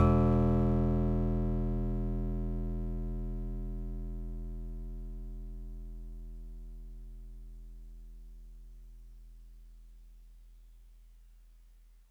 <region> pitch_keycenter=40 lokey=39 hikey=42 tune=-1 volume=10.051945 lovel=100 hivel=127 ampeg_attack=0.004000 ampeg_release=0.100000 sample=Electrophones/TX81Z/FM Piano/FMPiano_E1_vl3.wav